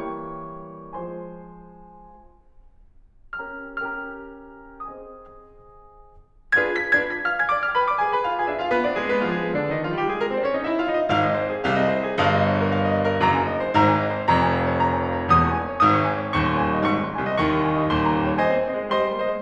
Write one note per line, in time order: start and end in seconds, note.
0.00 0.94 E3
0.00 0.94 G3
0.00 0.94 A#3
0.00 0.94 C#5
0.00 0.94 G5
0.00 0.94 C#6
0.95 1.79 F3
0.95 1.79 G#3
0.95 1.79 C5
0.95 1.79 G#5
0.95 1.79 C6
3.37 3.69 C#4
3.37 3.69 G4
3.37 3.69 A#4
3.37 3.69 G5
3.37 3.69 A#5
3.37 3.69 F6
3.70 4.83 C#4
3.70 4.83 G4
3.70 4.83 A#4
3.70 4.83 G5
3.70 4.83 A#5
3.70 4.83 F6
4.83 5.76 C4
4.83 5.76 G#4
4.83 5.76 C5
4.83 5.76 D#5
4.83 5.76 G#5
4.83 5.76 D#6
6.58 6.80 D4
6.58 6.80 F4
6.58 6.80 G#4
6.58 6.80 B4
6.58 6.70 G#6
6.70 6.80 B6
6.80 7.16 D4
6.80 7.16 F4
6.80 7.16 G#4
6.80 7.16 B4
6.80 6.97 G#6
6.98 7.16 B6
7.16 7.33 F5
7.16 7.33 F6
7.33 7.49 G#5
7.33 7.49 G#6
7.51 7.63 D5
7.51 7.63 D6
7.63 7.78 F5
7.63 7.78 F6
7.78 7.91 B4
7.78 7.91 B5
7.92 8.03 D5
7.92 8.03 D6
8.03 8.14 G#4
8.03 8.14 G#5
8.14 8.27 B4
8.14 8.27 B5
8.28 8.39 F4
8.28 8.39 F5
8.39 8.50 G#4
8.39 8.50 G#5
8.50 8.61 D4
8.50 8.61 D5
8.63 8.72 F4
8.63 8.72 F5
8.72 8.84 B3
8.72 8.84 B4
8.84 8.99 D4
8.84 8.99 D5
9.00 9.11 G#3
9.00 9.11 G#4
9.11 9.28 B3
9.11 9.28 B4
9.28 9.39 F3
9.28 9.39 F4
9.40 9.52 G#3
9.40 9.52 G#4
9.52 9.65 D3
9.52 9.65 D4
9.65 9.78 D#3
9.65 9.78 D#4
9.79 9.91 F3
9.79 9.91 F4
9.91 10.05 G3
9.91 10.05 G4
10.05 10.17 G#3
10.05 10.17 G#4
10.18 10.30 A#3
10.18 10.30 A#4
10.30 10.40 C4
10.30 10.40 C5
10.40 10.52 C#4
10.40 10.52 C#5
10.54 10.66 D#4
10.54 10.66 D#5
10.66 10.76 E4
10.66 10.76 E5
10.76 10.90 F4
10.76 10.90 F5
10.91 11.09 D#4
10.91 11.09 D#5
11.09 11.66 G#1
11.09 11.66 G#2
11.09 11.20 F5
11.19 11.35 D#5
11.38 11.51 C5
11.51 11.66 G#4
11.66 12.18 C2
11.66 12.18 C3
11.66 11.77 F5
11.78 11.94 D#5
11.94 12.09 C5
12.09 12.18 G#4
12.19 13.25 G1
12.19 13.25 G2
12.19 12.31 F5
12.31 12.43 D#5
12.43 12.57 C#5
12.60 12.70 A#4
12.70 12.85 F5
12.85 13.00 D#5
13.01 13.12 C#5
13.12 13.25 A#4
13.26 13.72 F#1
13.26 13.72 F#2
13.26 13.36 A#5
13.37 13.49 G#5
13.49 13.61 D#5
13.62 13.72 C5
13.73 14.27 G#1
13.73 14.27 G#2
13.73 13.85 A#5
13.85 13.97 G#5
13.98 14.11 D#5
14.12 14.27 C5
14.27 15.29 F1
14.27 15.29 F2
14.27 14.40 A#5
14.41 14.54 G#5
14.55 14.66 F5
14.66 14.79 C#5
14.80 14.92 D#6
14.93 15.05 C#6
15.05 15.16 G#5
15.19 15.29 C#5
15.30 15.79 E1
15.30 15.79 E2
15.30 15.43 D#6
15.43 15.55 C#6
15.56 15.66 G#5
15.67 15.79 C#5
15.79 16.30 G1
15.79 16.30 G2
15.79 15.91 D#6
15.92 16.02 C#6
16.03 16.16 G#5
16.16 16.30 C#5
16.32 16.81 D#1
16.32 16.81 D#2
16.32 16.44 C#6
16.45 16.56 C6
16.56 16.68 G#5
16.70 16.81 D#5
16.82 17.24 G#1
16.82 17.24 G#2
16.82 16.93 C#6
16.93 17.06 C6
17.08 17.24 G#5
17.25 17.38 C2
17.25 17.38 C3
17.25 17.38 D#5
17.38 17.89 D#2
17.38 17.89 D#3
17.38 17.50 C#6
17.54 17.65 C6
17.66 17.77 G#5
17.77 17.89 D#5
17.90 18.41 D#1
17.90 18.41 D#2
17.90 18.03 C6
18.03 18.16 A#5
18.16 18.29 G5
18.30 18.41 C#5
18.41 18.63 C5
18.41 18.63 D#5
18.41 18.91 G#5
18.53 18.63 C4
18.65 18.76 A#3
18.65 18.91 C5
18.65 18.91 D#5
18.76 18.91 G#3
18.91 19.03 G3
18.91 19.16 C5
18.91 19.16 D#5
18.91 19.41 C6
19.04 19.16 G#3
19.16 19.28 A#3
19.16 19.41 C5
19.16 19.41 D#5
19.28 19.41 G#3